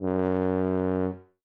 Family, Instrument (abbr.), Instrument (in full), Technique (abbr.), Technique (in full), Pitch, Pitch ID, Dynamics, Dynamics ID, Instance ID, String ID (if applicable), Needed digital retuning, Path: Brass, BTb, Bass Tuba, ord, ordinario, F#2, 42, ff, 4, 0, , FALSE, Brass/Bass_Tuba/ordinario/BTb-ord-F#2-ff-N-N.wav